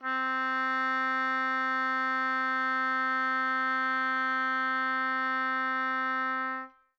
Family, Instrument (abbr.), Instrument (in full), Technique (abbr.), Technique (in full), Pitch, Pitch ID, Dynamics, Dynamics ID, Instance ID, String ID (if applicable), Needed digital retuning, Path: Winds, Ob, Oboe, ord, ordinario, C4, 60, mf, 2, 0, , FALSE, Winds/Oboe/ordinario/Ob-ord-C4-mf-N-N.wav